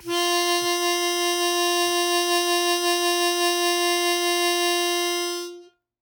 <region> pitch_keycenter=65 lokey=65 hikey=67 volume=4.280755 trigger=attack ampeg_attack=0.100000 ampeg_release=0.100000 sample=Aerophones/Free Aerophones/Harmonica-Hohner-Special20-F/Sustains/Vib/Hohner-Special20-F_Vib_F3.wav